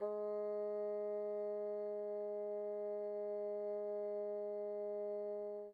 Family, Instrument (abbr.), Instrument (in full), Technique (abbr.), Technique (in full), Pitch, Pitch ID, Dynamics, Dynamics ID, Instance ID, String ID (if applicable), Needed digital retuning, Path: Winds, Bn, Bassoon, ord, ordinario, G#3, 56, pp, 0, 0, , TRUE, Winds/Bassoon/ordinario/Bn-ord-G#3-pp-N-T19d.wav